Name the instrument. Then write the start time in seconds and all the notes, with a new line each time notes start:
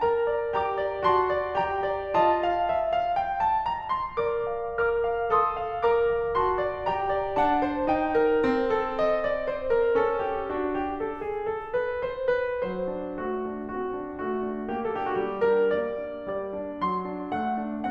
piano
0.01 A#4 A#5
0.24 D5
0.52 G4 A#5 D6
0.80 D5
1.04 F#4 A5 C6
1.31 D5
1.57 G4 G5 A#5
1.85 D5
2.21 F4 D#5 A5
2.44 F5
2.65 E5
2.92 F5
3.16 G5
3.41 A5
3.65 A#5
3.90 C6
4.16 A#4 D5 D6
4.48 F5
4.73 A#4 D6 F6
5.02 F5
5.29 A4 C6 D#6
5.65 F5
5.89 A#4 A#5 D6
6.16 F5
6.39 F#4 A5 C6
6.66 D5
6.90 G4 G5 A#5
7.19 D5
7.44 D4 F#5 A5
7.70 C5
7.92 D#4 G5
8.17 A#4
8.46 C4
8.72 A4
8.97 D#5
9.22 D5
9.49 C5
9.71 A#4
9.97 C#4 A4
10.20 G4
10.49 D4 F#4
10.73 G4
11.00 A4
11.26 G#4
11.49 A4
11.74 B4
12.02 C5
12.29 B4
12.66 F#3 C5
13.04 D4
13.21 A3 F#4
13.46 D4
13.72 C4 F#4
13.94 D4
14.14 A3 F#4
14.43 D4
14.72 A#3 G4
14.95 D4 A4
15.03 G4
15.11 F#4
15.25 G3 G4
15.48 D4 A#4
15.77 A#3 D5
16.05 D4
16.27 G3 D5
16.55 D4
16.84 F#3 C6
17.07 D4
17.32 A3 F#5
17.65 D4